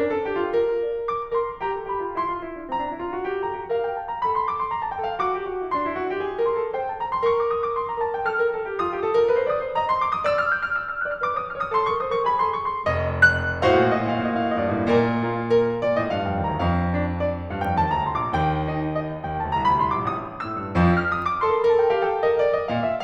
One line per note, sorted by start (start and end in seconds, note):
0.00 0.23 D4
0.00 0.12 A#4
0.12 0.23 A4
0.24 0.35 G4
0.35 0.55 F4
0.55 1.10 A#4
0.86 1.10 D5
1.10 1.34 D6
1.35 1.46 A#4
1.35 1.60 C6
1.46 1.60 A4
1.61 1.73 G4
1.61 1.89 A#5
1.73 1.89 A4
1.89 2.04 G4
1.89 2.15 B5
2.05 2.15 F4
2.15 2.29 E4
2.15 2.47 C6
2.29 2.47 F4
2.48 2.60 E4
2.60 2.68 D4
2.69 2.77 C4
2.69 3.41 A#5
2.77 2.90 D4
2.90 2.97 E4
3.04 3.16 F4
3.16 3.27 F#4
3.29 3.41 G4
3.41 3.56 A4
3.41 3.68 A#5
3.56 3.68 G4
3.69 3.97 A#4
3.69 3.81 F5
3.81 3.97 G5
3.97 4.06 A5
4.06 4.17 A#5
4.17 4.92 A4
4.17 4.26 B5
4.27 4.38 C6
4.38 4.55 D6
4.55 4.68 C6
4.69 4.81 A#5
4.81 4.92 A5
4.95 5.22 A4
4.95 5.06 G5
5.06 5.22 F5
5.22 5.35 F#4
5.22 5.53 D6
5.36 5.53 G4
5.53 5.63 F#4
5.64 5.76 E4
5.76 5.89 D4
5.76 6.50 C6
5.89 5.99 E4
6.00 6.15 F#4
6.15 6.25 G4
6.25 6.39 G#4
6.40 6.50 A4
6.50 6.62 A#4
6.50 6.72 C6
6.63 6.72 A4
6.72 6.97 C5
6.72 6.87 G5
6.87 6.97 A5
6.98 7.11 A#5
7.11 7.22 C6
7.23 8.00 A#4
7.23 7.36 C#6
7.36 7.50 D6
7.50 7.59 D#6
7.60 7.79 D6
7.79 7.89 C6
7.89 8.00 A#5
8.00 8.25 A#4
8.00 8.15 A5
8.15 8.25 G5
8.27 8.39 A4
8.27 8.54 F6
8.39 8.54 A#4
8.54 8.68 A4
8.70 8.79 G4
8.79 8.90 F4
8.79 9.52 D#6
8.92 9.01 G4
9.01 9.18 A4
9.18 9.28 A#4
9.29 9.39 B4
9.39 9.52 C5
9.53 9.64 D5
9.53 9.76 D#6
9.64 9.76 C5
9.76 10.00 D#5
9.76 9.89 A#5
9.90 10.00 C6
10.00 10.14 D6
10.14 10.23 D#6
10.24 11.09 D5
10.24 10.36 E6
10.36 10.47 F6
10.51 10.60 G6
10.60 10.72 F6
10.72 10.86 E6
10.87 11.09 F6
11.09 11.22 D#5
11.09 11.22 F#6
11.23 11.33 C#5
11.23 11.33 F6
11.33 11.46 B4
11.33 11.46 D6
11.46 11.55 C5
11.46 11.55 D#6
11.56 11.66 C#5
11.56 11.66 F6
11.66 11.77 C5
11.66 11.77 D#6
11.77 11.90 A4
11.77 11.90 C6
11.92 12.05 A#4
11.92 12.05 C#6
12.05 12.16 C5
12.05 12.16 D#6
12.17 12.26 A#4
12.17 12.26 C#6
12.26 12.38 G#4
12.26 12.38 B5
12.38 12.59 A4
12.38 12.59 C6
12.60 12.74 A#4
12.60 12.74 C#6
12.74 12.86 A4
12.74 12.86 C6
12.88 13.19 F1
12.88 13.19 D#5
13.19 13.62 F#6
13.62 13.72 A2
13.62 15.22 F#4
13.62 14.84 C5
13.62 13.82 F5
13.68 13.87 A#2
13.82 13.92 A2
13.82 13.96 D#5
13.89 14.00 A#2
13.96 14.06 A2
13.96 14.07 F5
14.02 14.11 A#2
14.07 14.16 A2
14.07 14.19 D#5
14.12 14.27 A#2
14.20 14.34 A2
14.20 14.35 F5
14.28 14.38 A#2
14.35 14.44 A2
14.35 14.48 D#5
14.41 14.51 A#2
14.48 14.56 A2
14.48 14.57 D5
14.52 14.70 A#2
14.62 14.83 G2
14.62 14.84 D#5
14.74 14.94 A2
14.84 15.55 A#2
14.84 15.55 A#4
14.84 15.55 D5
15.22 15.55 A#3
15.22 15.55 F4
15.58 15.80 A#4
15.81 16.04 A#2
15.81 16.04 D5
16.04 16.18 A2
16.04 16.18 D#5
16.18 16.31 G2
16.18 16.31 F5
16.32 16.42 F2
16.32 16.42 G5
16.42 16.52 D#2
16.42 16.52 A5
16.52 16.64 D2
16.52 16.64 A#5
16.68 17.23 F2
16.68 17.23 F5
16.99 17.23 D4
17.23 17.44 D5
17.44 17.67 G2
17.44 17.67 F5
17.68 17.79 F2
17.68 17.79 G5
17.79 17.89 D#2
17.79 17.89 A5
17.89 18.04 D2
17.89 18.04 A#5
18.05 18.15 C2
18.05 18.15 C6
18.15 18.38 A#1
18.15 18.38 D6
18.38 18.97 D#2
18.38 18.97 G5
18.72 18.97 D#4
18.97 19.23 D#5
19.24 19.42 D#2
19.24 19.42 G5
19.42 19.56 D2
19.42 19.56 A5
19.57 19.70 C2
19.57 19.70 A#5
19.70 19.83 D2
19.70 19.83 B5
19.83 19.96 C2
19.83 19.96 C6
19.97 20.06 A#1
19.97 20.06 D6
20.06 20.45 A1
20.06 20.45 D#6
20.45 20.58 A2
20.45 20.97 E6
20.58 20.71 G2
20.72 21.20 F2
20.72 21.20 F3
20.97 21.20 F6
21.20 21.32 D#6
21.33 21.44 D6
21.44 21.54 A4
21.44 21.56 C6
21.49 21.61 A#4
21.57 21.65 A4
21.57 21.69 A#5
21.62 21.72 A#4
21.69 21.79 A4
21.69 21.80 A5
21.76 21.85 A#4
21.80 21.90 A4
21.80 21.91 G5
21.86 21.99 A#4
21.92 22.05 A4
21.92 22.06 F5
22.01 22.11 A#4
22.06 22.15 A4
22.06 22.16 G5
22.13 22.20 A#4
22.18 22.24 A4
22.18 22.34 A#4
22.18 22.26 F5
22.26 22.41 G4
22.26 22.43 D#5
22.36 22.47 A4
22.43 23.03 A#4
22.43 22.53 D5
22.55 22.71 D#5
22.71 23.03 A#2
22.71 22.85 F5
22.85 23.03 E5